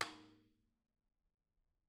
<region> pitch_keycenter=61 lokey=61 hikey=61 volume=9.975709 offset=235 lovel=84 hivel=127 seq_position=2 seq_length=2 ampeg_attack=0.004000 ampeg_release=30.000000 sample=Membranophones/Struck Membranophones/Tom 1/TomH_rimS_v4_rr1_Mid.wav